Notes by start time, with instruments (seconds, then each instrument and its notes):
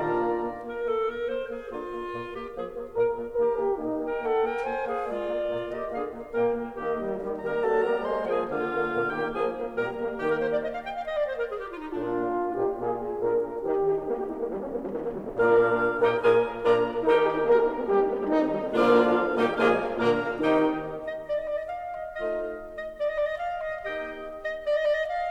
0.00 bassoon A#2 D3, horn A#3 F4, clarinet D4 A#5, oboe A#4 D5
0.29 bassoon A#3
0.53 bassoon A#3
0.78 bassoon A#3, clarinet A#4
0.94 bassoon A#3, clarinet A4
1.11 bassoon A#3, clarinet A#4
1.27 bassoon A#3, clarinet C5
1.47 bassoon A#3, clarinet G#4
1.68 bassoon D3 A#3, clarinet F4
1.86 bassoon A#3
2.07 bassoon A#2 A#3
2.26 bassoon A#3, clarinet G4
2.51 bassoon F3 A#3, clarinet G#4
2.74 bassoon A#3
2.95 bassoon A#2 A#3, clarinet A#4, horn A#4
3.10 bassoon A#3
3.31 bassoon D#3 A#3, clarinet G4, horn A#4
3.56 bassoon A#3, horn G4
3.77 bassoon A#2 A#3, horn D#4
4.01 bassoon A#3, clarinet A#4 G5
4.20 bassoon A#3, clarinet A4 F#5
4.41 bassoon A#3, clarinet A#4 G5
4.67 bassoon A#3, clarinet C5 G#5
4.88 bassoon A#3, clarinet G#4 F5
5.07 bassoon G#3 A#3, clarinet F4 D5
5.32 bassoon A#3
5.53 bassoon A#2 A#3
5.72 bassoon A#3, clarinet G4 D#5
5.90 bassoon D3 A#3, clarinet G#4 F5
6.14 bassoon A#3
6.40 bassoon A#2 A#3, horn A#3, clarinet A#4 G5
6.61 bassoon A#3
6.79 bassoon D#3 A#3, horn A#3, clarinet G4 D#5
7.01 horn G3
7.21 horn D#3, bassoon G3
7.40 bassoon G3, horn A#3, clarinet A#4, oboe A#5
7.63 bassoon F#3, horn A#3, clarinet A4, oboe A5
7.85 bassoon G3, horn A#3, clarinet A#4, oboe A#5
8.02 bassoon G#3, horn A#3, clarinet C5, oboe C6
8.24 bassoon F3, horn A#3, clarinet G#4, oboe G#5
8.46 bassoon D3, horn A#3, clarinet F4, oboe F5
8.70 horn A#3
8.90 bassoon A#2, horn A#3
9.10 bassoon D#3, horn A#3, clarinet G4, oboe G5
9.32 bassoon F3, horn A#3, clarinet G#4, oboe G#5
9.53 horn A#3
9.75 bassoon A#2 G3, horn A#3, clarinet A#4, oboe A#5
9.96 horn A#3
10.17 bassoon D#3, horn A#3, clarinet G4, oboe G5
10.29 clarinet A#4
10.40 clarinet C5
10.51 clarinet D5
10.62 clarinet D#5
10.74 clarinet F5
10.82 clarinet G5
10.94 clarinet F5
11.05 clarinet D#5
11.16 clarinet D5
11.27 clarinet C5
11.34 clarinet A#4
11.47 clarinet G#4
11.59 clarinet G4
11.71 clarinet F4
11.83 clarinet D#4
11.94 horn A#2 F4, bassoon A#3 D4, clarinet D4
12.53 horn A#2 G4, bassoon A#3 D#4
12.74 horn A#2 G#4, bassoon A#3 F4
13.15 horn A#2 A#4, bassoon A#3 D4
13.58 horn D#3 G4, bassoon D#3 D#4
13.79 horn G4
13.91 horn D#4
14.00 horn A#3
14.11 horn G4
14.23 horn D#4
14.34 horn A#3
14.43 horn G3
14.55 horn D#4
14.68 horn A#3
14.79 horn G3
14.91 horn D#3
15.01 horn A#3
15.10 horn G3
15.22 horn D#3
15.35 bassoon A#2 A#3, horn A#2 F4, clarinet D4 F4, oboe D5 F5
15.95 bassoon A#2 A#3, clarinet D#4 G4, horn F4, oboe D#5 G5
16.16 bassoon A#2 A#3, clarinet F4 G#4, horn F4, oboe F5 G#5
16.63 bassoon A#2 A#3, clarinet D4 F4, horn F4, oboe D5 A#5
17.07 bassoon D#3 D#4, horn D#4 A#4, clarinet D#4 G4, oboe D#5 G5
17.19 horn A#4
17.30 horn G4
17.41 horn D#4
17.51 horn A#3 A#4
17.59 horn G4
17.68 horn D#4
17.79 horn A#3
17.89 horn G3 G4
17.97 horn D#4
18.07 horn A#3
18.17 horn G3
18.25 horn D#3 D#4
18.37 horn A#3
18.45 horn G3
18.56 horn D#3
18.67 horn A#2 A#3, bassoon D3 F3, clarinet D4 F4, oboe D5 F5
19.37 horn A#2 A#3, bassoon D#3 G3, clarinet D#4 G4, oboe D#5 G5
19.60 horn A#2 A#3, bassoon F3 G#3, clarinet F4 G#4, oboe F5 G#5
19.99 bassoon A#2 D3, horn A#2 A#3, clarinet D4 A#4, oboe F5 A#5
20.40 bassoon C3 D#3, horn D#3 D#4, clarinet D#4 G4, oboe D#5 G5
21.17 clarinet D#5
21.27 clarinet D5
21.37 clarinet D#5
21.48 clarinet D5
21.61 clarinet D#5
21.72 clarinet F5
21.97 clarinet D#5
22.16 bassoon A3 D#4, clarinet D#4 D#5, oboe C5 F5
22.81 clarinet D#5
22.98 clarinet D5
23.08 clarinet D#5
23.16 clarinet D5
23.25 clarinet D#5
23.38 clarinet F5
23.61 clarinet D#5
23.85 bassoon A#3 D#4, clarinet G4 D#5, oboe D#5 G5
24.53 clarinet D#5
24.65 clarinet D5
24.75 clarinet D#5
24.83 clarinet D5
24.95 clarinet D#5
25.07 clarinet F5